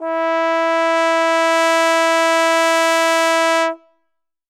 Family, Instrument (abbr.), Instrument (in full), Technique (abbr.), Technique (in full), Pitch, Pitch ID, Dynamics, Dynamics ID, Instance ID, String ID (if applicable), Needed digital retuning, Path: Brass, Tbn, Trombone, ord, ordinario, E4, 64, ff, 4, 0, , FALSE, Brass/Trombone/ordinario/Tbn-ord-E4-ff-N-N.wav